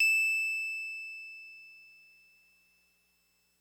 <region> pitch_keycenter=100 lokey=99 hikey=102 volume=11.797531 lovel=66 hivel=99 ampeg_attack=0.004000 ampeg_release=0.100000 sample=Electrophones/TX81Z/Piano 1/Piano 1_E6_vl2.wav